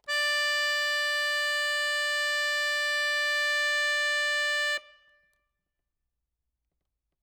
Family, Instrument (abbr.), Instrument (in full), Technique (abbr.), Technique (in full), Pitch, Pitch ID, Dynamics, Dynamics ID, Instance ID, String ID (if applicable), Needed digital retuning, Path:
Keyboards, Acc, Accordion, ord, ordinario, D5, 74, ff, 4, 1, , FALSE, Keyboards/Accordion/ordinario/Acc-ord-D5-ff-alt1-N.wav